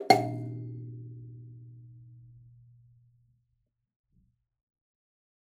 <region> pitch_keycenter=47 lokey=46 hikey=48 tune=78 volume=6.961577 offset=3800 ampeg_attack=0.004000 ampeg_release=15.000000 sample=Idiophones/Plucked Idiophones/Kalimba, Tanzania/MBira3_pluck_Main_B1_k13_50_100_rr2.wav